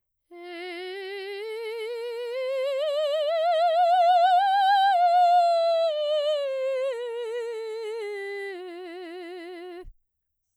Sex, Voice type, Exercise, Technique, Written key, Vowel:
female, soprano, scales, slow/legato piano, F major, e